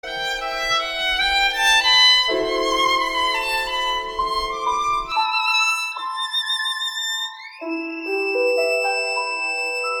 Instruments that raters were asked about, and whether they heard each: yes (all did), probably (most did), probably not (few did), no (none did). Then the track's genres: mallet percussion: no
voice: no
violin: yes
Classical; Chamber Music